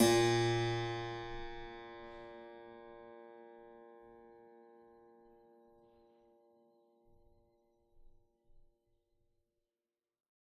<region> pitch_keycenter=34 lokey=34 hikey=35 volume=1.997048 trigger=attack ampeg_attack=0.004000 ampeg_release=0.40000 amp_veltrack=0 sample=Chordophones/Zithers/Harpsichord, Flemish/Sustains/High/Harpsi_High_Far_A#1_rr1.wav